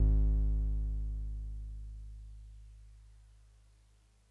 <region> pitch_keycenter=32 lokey=31 hikey=34 volume=11.805631 lovel=66 hivel=99 ampeg_attack=0.004000 ampeg_release=0.100000 sample=Electrophones/TX81Z/Piano 1/Piano 1_G#0_vl2.wav